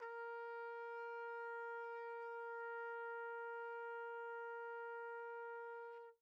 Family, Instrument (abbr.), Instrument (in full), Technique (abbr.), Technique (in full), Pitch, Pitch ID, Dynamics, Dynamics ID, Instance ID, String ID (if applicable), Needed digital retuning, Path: Brass, TpC, Trumpet in C, ord, ordinario, A#4, 70, pp, 0, 0, , FALSE, Brass/Trumpet_C/ordinario/TpC-ord-A#4-pp-N-N.wav